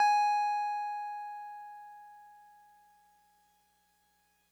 <region> pitch_keycenter=80 lokey=79 hikey=82 volume=11.738909 lovel=66 hivel=99 ampeg_attack=0.004000 ampeg_release=0.100000 sample=Electrophones/TX81Z/Piano 1/Piano 1_G#4_vl2.wav